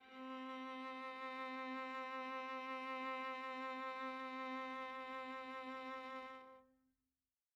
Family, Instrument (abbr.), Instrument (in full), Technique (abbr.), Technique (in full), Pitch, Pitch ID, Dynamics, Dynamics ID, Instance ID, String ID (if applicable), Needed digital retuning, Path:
Strings, Va, Viola, ord, ordinario, C4, 60, mf, 2, 2, 3, FALSE, Strings/Viola/ordinario/Va-ord-C4-mf-3c-N.wav